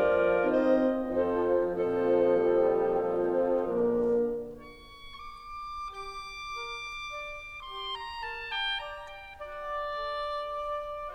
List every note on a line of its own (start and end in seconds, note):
0.00 1.07 F2
0.00 1.07 F3
0.00 0.58 A3
0.00 0.58 D4
0.00 1.07 F4
0.00 0.58 A#4
0.00 0.58 D5
0.59 1.06 C4
0.59 1.06 D#4
0.59 1.06 C5
0.59 1.06 D#5
1.07 1.58 F2
1.07 1.57 D#3
1.07 1.58 F3
1.07 1.57 C4
1.07 1.58 D#4
1.07 1.57 A4
1.07 1.57 C5
1.58 3.73 A#2
1.58 2.38 F3
1.58 3.73 F3
1.58 3.73 C4
1.58 3.73 D#4
1.58 3.73 A4
1.58 3.73 C5
2.38 2.89 G3
2.89 3.73 F3
3.73 4.54 A#1
3.73 4.53 D3
3.73 4.53 A#3
3.73 4.54 A#3
3.73 4.54 D4
3.73 4.53 A#4
4.54 5.45 C#6
5.45 5.91 D6
5.91 6.49 G4
5.91 7.67 D6
6.49 6.93 A#4
6.93 7.67 D5
7.67 8.22 G4
7.67 7.95 C6
7.95 8.22 A#5
8.22 8.79 A#4
8.22 8.44 A5
8.44 8.79 G5
8.79 9.30 D5
8.79 9.08 A#5
9.08 9.30 G5
9.30 9.72 F#4
9.30 11.15 D5
9.72 10.10 G4
10.10 11.15 D5